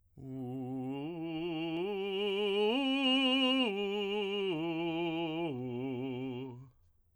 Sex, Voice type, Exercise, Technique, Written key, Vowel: male, tenor, arpeggios, slow/legato forte, C major, u